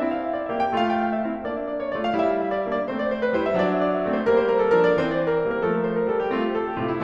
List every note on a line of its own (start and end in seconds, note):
0.00 0.51 C4
0.00 0.51 E4
0.00 0.10 E5
0.12 0.21 F5
0.22 0.33 E5
0.34 0.45 D5
0.45 0.58 E5
0.53 0.72 A#3
0.53 0.72 G4
0.59 0.72 G5
0.73 1.28 A3
0.73 1.28 F4
0.73 0.84 F5
0.85 0.92 G5
0.92 1.07 F5
1.07 1.21 E5
1.22 1.34 F5
1.28 1.46 C4
1.28 1.46 E4
1.34 1.46 E5
1.47 1.95 A#3
1.47 1.95 D4
1.47 1.59 D5
1.59 1.66 E5
1.66 1.78 D5
1.79 1.89 C#5
1.90 2.02 D5
1.96 2.14 A3
1.96 2.14 F4
2.02 2.14 F5
2.15 2.72 G3
2.15 2.72 E4
2.15 2.28 E5
2.28 2.39 F5
2.40 2.53 E5
2.53 2.64 D5
2.64 2.76 E5
2.73 2.83 A#3
2.73 2.83 D4
2.77 2.83 D5
2.84 3.39 A3
2.84 3.39 C4
2.84 2.96 C5
2.96 3.09 D5
3.09 3.20 C5
3.22 3.31 B4
3.32 3.45 C5
3.39 3.58 G3
3.39 3.58 E4
3.46 3.58 E5
3.58 4.09 F#3
3.58 4.09 D4
3.58 3.67 D5
3.67 3.76 E5
3.81 3.91 D5
3.92 4.03 C5
4.03 4.13 D5
4.10 4.24 A3
4.10 4.24 C4
4.14 4.24 C5
4.25 4.78 G3
4.25 4.78 A#3
4.25 4.37 A#4
4.38 4.48 C5
4.48 4.61 A#4
4.61 4.71 A4
4.73 4.83 A#4
4.78 4.95 F3
4.78 4.95 D4
4.84 4.95 D5
4.96 5.45 E3
4.96 5.45 C4
4.96 5.05 C5
5.05 5.17 D5
5.17 5.28 C5
5.29 5.39 A#4
5.40 5.51 C5
5.46 5.61 G3
5.46 5.61 A#3
5.51 5.61 A#4
5.62 6.15 F3
5.62 6.15 A3
5.62 5.74 A4
5.75 5.86 A#4
5.86 5.99 C5
5.99 6.10 A#4
6.10 6.21 A4
6.16 6.33 G3
6.16 6.33 A#3
6.22 6.33 G4
6.34 6.84 A3
6.34 6.84 C4
6.34 6.47 F4
6.47 6.57 G4
6.57 6.68 A4
6.69 6.78 G4
6.79 6.90 F4
6.84 7.04 A2
6.84 7.04 C3
6.92 7.04 E4